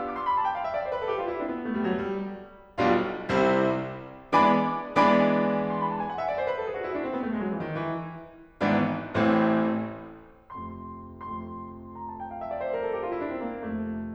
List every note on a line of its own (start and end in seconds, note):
0.00 0.16 E6
0.09 0.27 D6
0.17 0.36 C6
0.27 0.44 B5
0.36 0.52 A5
0.45 0.62 G5
0.53 0.72 F5
0.63 0.82 E5
0.74 0.92 D5
0.84 1.00 C5
0.93 1.04 B4
0.99 1.14 A4
1.04 1.29 G4
1.15 1.37 F4
1.29 1.43 E4
1.37 1.47 D4
1.43 1.58 C4
1.50 1.68 B3
1.61 1.80 A3
1.70 1.92 G3
1.83 1.94 F#3
1.94 2.14 G3
2.84 3.10 B1
2.84 3.10 B2
2.84 3.10 G3
2.84 3.10 D4
2.84 3.10 F4
3.29 3.59 C2
3.29 3.59 C3
3.29 3.59 G3
3.29 3.59 C4
3.29 3.59 E4
4.37 4.57 E3
4.37 4.57 G#3
4.37 4.57 B3
4.37 4.57 D4
4.37 4.57 D5
4.37 4.57 G#5
4.37 4.57 B5
4.37 4.57 D6
4.88 5.74 E3
4.88 5.74 G#3
4.88 5.74 B3
4.88 5.74 D4
4.88 5.74 D5
4.88 5.74 G#5
4.88 5.74 B5
4.88 5.74 D6
5.75 5.92 C6
5.84 6.01 B5
5.94 6.14 A5
6.04 6.21 G#5
6.15 6.29 F#5
6.22 6.39 E5
6.32 6.46 D5
6.40 6.58 C5
6.48 6.69 B4
6.61 6.85 A4
6.70 6.90 G#4
6.85 6.97 F#4
6.91 7.05 E4
6.97 7.13 D4
7.05 7.19 C4
7.13 7.29 B3
7.20 7.36 A3
7.30 7.50 G#3
7.38 7.58 F#3
7.52 7.69 E3
7.63 7.71 D#3
7.71 8.17 E3
8.63 8.81 G#1
8.63 8.81 G#2
8.63 8.81 E3
8.63 8.81 B3
8.63 8.81 D4
9.20 9.76 A1
9.20 9.76 A2
9.20 9.76 E3
9.20 9.76 A3
9.20 9.76 C4
10.57 10.83 F2
10.57 10.83 C3
10.57 10.83 A3
10.57 11.34 C6
11.35 13.58 F2
11.35 13.58 C3
11.35 13.58 A3
11.35 12.02 C6
12.03 12.18 A#5
12.10 12.25 A5
12.19 12.39 G5
12.29 12.49 F5
12.41 12.59 E5
12.52 12.69 D5
12.60 12.78 C5
12.71 12.89 A#4
12.81 13.00 A4
12.92 13.11 G4
13.03 13.19 F4
13.10 13.25 E4
13.19 13.39 D4
13.28 13.56 C4
13.39 13.58 A#3
13.58 14.14 F2
13.58 14.14 C3
13.58 14.14 A3